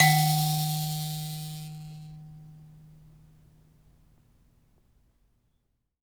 <region> pitch_keycenter=51 lokey=51 hikey=52 tune=17 volume=-1.190269 ampeg_attack=0.004000 ampeg_release=15.000000 sample=Idiophones/Plucked Idiophones/Mbira Mavembe (Gandanga), Zimbabwe, Low G/Mbira5_Normal_MainSpirit_D#2_k6_vl2_rr1.wav